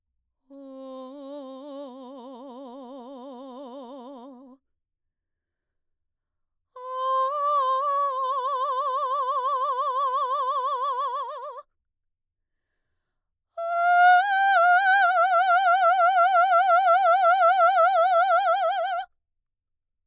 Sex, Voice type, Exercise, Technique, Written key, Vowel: female, mezzo-soprano, long tones, trill (upper semitone), , o